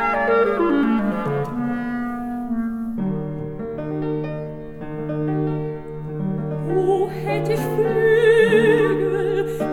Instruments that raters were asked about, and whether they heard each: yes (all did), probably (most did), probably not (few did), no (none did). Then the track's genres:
clarinet: probably
piano: yes
drums: no
Classical; Opera